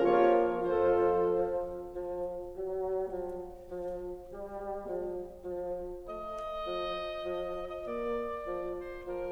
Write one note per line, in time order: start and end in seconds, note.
0.00 0.65 A#2
0.00 0.64 F3
0.00 0.65 A#3
0.00 0.64 F4
0.00 0.64 A#4
0.00 0.64 C#5
0.00 0.65 C#5
0.65 1.60 F2
0.65 1.18 F3
0.65 1.59 F3
0.65 1.59 F4
0.65 1.59 A4
0.65 1.59 C5
0.65 1.60 C5
1.18 1.60 F3
1.60 2.55 F3
2.55 3.08 F#3
3.08 3.53 F3
3.53 4.32 F3
4.32 4.93 G3
4.93 5.49 F3
5.49 5.97 F3
5.97 6.50 A3
6.50 6.93 F3
6.93 7.85 F3
7.60 7.85 D#5
7.85 8.35 A#3
7.85 9.09 D5
8.35 9.32 F3
9.09 9.32 C5